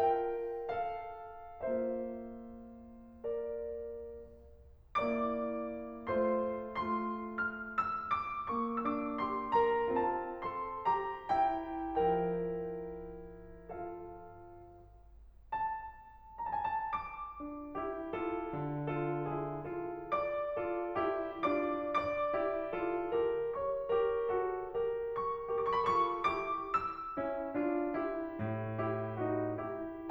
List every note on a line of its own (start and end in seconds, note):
0.00 1.61 F4
0.00 0.66 A#4
0.00 0.66 E5
0.00 0.66 G5
0.67 1.61 A4
0.67 1.61 F5
1.63 3.82 A#3
1.63 3.82 F4
1.63 3.24 C5
1.63 3.24 E5
3.26 3.82 A#4
3.26 3.82 D5
4.41 6.10 A#3
4.41 6.10 E4
4.41 6.10 D5
4.41 6.10 D6
6.10 6.50 A3
6.10 6.50 F4
6.10 6.50 C5
6.10 6.50 C6
6.55 8.58 A3
6.55 8.58 F4
6.55 6.92 C6
6.94 7.29 F6
7.30 7.74 E6
8.31 8.58 D6
8.59 9.97 A#3
8.59 8.84 C#6
8.85 9.26 D4
8.85 9.26 E6
8.99 9.33 D6
9.28 9.56 G4
9.28 9.56 C6
9.57 9.97 A#4
9.57 9.97 A#5
9.98 12.00 C4
9.98 10.45 F4
9.98 10.45 A5
10.46 10.82 A4
10.46 10.82 C6
10.83 11.27 G4
10.83 11.27 A#5
11.28 12.00 E4
11.28 12.00 G5
12.02 14.37 F3
12.02 13.62 E4
12.02 13.62 A#4
12.02 13.62 G5
13.64 14.37 F4
13.64 14.37 A4
13.64 14.37 F5
15.56 16.32 A5
16.34 16.59 A#5
16.46 16.78 A5
16.60 16.93 G#5
16.79 16.93 A5
16.94 18.56 D6
17.43 17.77 D4
17.43 17.77 F4
17.79 18.15 E4
17.79 18.15 G4
18.16 18.56 F4
18.16 18.56 A4
18.58 20.10 D3
18.91 19.27 F4
18.91 19.27 A4
19.28 19.64 E4
19.28 19.64 G#4
19.66 20.10 F4
19.66 20.10 A4
20.11 21.44 D5
20.11 21.44 D6
20.58 20.99 F4
20.58 20.99 A4
21.00 21.44 E4
21.00 21.44 G4
21.46 21.93 D4
21.46 21.93 F4
21.46 21.93 D5
21.46 21.93 D6
21.94 23.56 D5
21.94 23.56 D6
22.38 22.81 E4
22.38 22.81 G4
22.83 23.14 F4
22.83 23.14 A4
23.15 23.56 G4
23.15 23.56 A#4
23.57 24.21 C#5
23.57 24.21 C#6
23.90 24.21 G4
23.90 24.21 A#4
24.22 24.73 F#4
24.22 24.73 A4
24.74 25.19 G4
24.74 25.19 A#4
25.21 25.50 C#6
25.51 25.87 G4
25.51 25.87 A#4
25.51 25.75 D6
25.62 25.87 C#6
25.76 26.06 B5
25.88 26.28 F4
25.88 26.28 A4
25.88 26.28 C#6
26.30 26.74 E4
26.30 26.74 G4
26.30 26.74 D6
26.75 28.41 E6
27.21 27.56 C#4
27.21 27.56 E4
27.60 28.01 D4
27.60 28.01 F4
28.03 28.41 E4
28.03 28.41 G4
28.41 30.10 A2
28.83 29.19 E4
28.83 29.19 G4
29.19 29.64 D#4
29.19 29.64 F#4
29.65 30.10 E4
29.65 30.10 G4